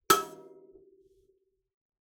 <region> pitch_keycenter=88 lokey=87 hikey=89 volume=3.248826 offset=4640 ampeg_attack=0.004000 ampeg_release=15.000000 sample=Idiophones/Plucked Idiophones/Kalimba, Tanzania/MBira3_pluck_Main_E5_k25_50_100_rr2.wav